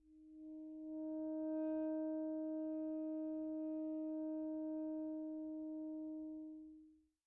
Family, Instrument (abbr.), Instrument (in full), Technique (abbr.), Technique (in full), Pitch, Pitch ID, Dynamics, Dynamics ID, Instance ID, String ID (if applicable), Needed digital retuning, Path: Winds, ASax, Alto Saxophone, ord, ordinario, D#4, 63, pp, 0, 0, , FALSE, Winds/Sax_Alto/ordinario/ASax-ord-D#4-pp-N-N.wav